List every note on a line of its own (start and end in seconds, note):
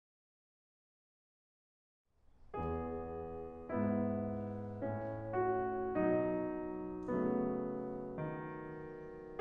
2.37 3.67 E2
2.37 3.67 B3
2.37 3.67 G#4
3.68 4.79 G#2
3.68 4.79 B3
3.68 5.32 E4
4.81 5.97 A2
4.81 5.97 C#4
5.34 5.97 F#4
5.98 7.08 B2
5.98 7.08 F#3
5.98 7.08 D#4
7.09 8.18 C#3
7.09 9.38 F#3
7.09 9.38 A3
7.09 9.38 B3
8.20 9.38 D#3